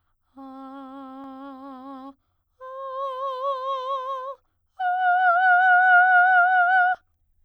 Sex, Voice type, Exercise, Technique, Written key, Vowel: female, soprano, long tones, full voice pianissimo, , a